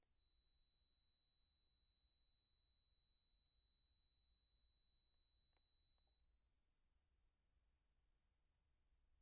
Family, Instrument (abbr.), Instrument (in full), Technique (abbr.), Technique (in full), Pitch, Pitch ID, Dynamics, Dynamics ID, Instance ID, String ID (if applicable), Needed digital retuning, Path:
Keyboards, Acc, Accordion, ord, ordinario, B7, 107, pp, 0, 1, , TRUE, Keyboards/Accordion/ordinario/Acc-ord-B7-pp-alt1-T13d.wav